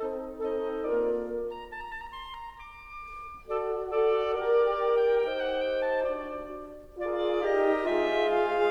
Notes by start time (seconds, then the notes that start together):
0.00 C4 D#4 A4 D#5
0.45 C4 D#4 A4 D#5
0.87 A#3 F4 A#4 D5
1.54 A#5
1.75 A5
1.82 A#5
1.93 A5
2.03 A#5
2.14 C6
2.37 A#5
2.57 D6
3.45 F#4 A4 D5
3.82 F#4 A4 D5
4.30 G4 A#4 D5
4.96 G5
5.21 D#4 G4 C5 G5
5.40 F#5
5.61 G5
5.83 A5
6.13 D4 F#4 D5
7.05 F4 G#4 A#4 D5
7.45 D#4 G4 D#5
7.86 G#3 F4 G#4 C5 E5
8.32 F5